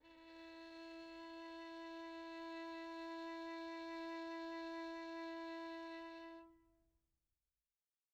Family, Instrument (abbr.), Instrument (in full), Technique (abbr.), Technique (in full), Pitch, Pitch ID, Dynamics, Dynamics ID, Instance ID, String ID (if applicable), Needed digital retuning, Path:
Strings, Vn, Violin, ord, ordinario, E4, 64, pp, 0, 2, 3, FALSE, Strings/Violin/ordinario/Vn-ord-E4-pp-3c-N.wav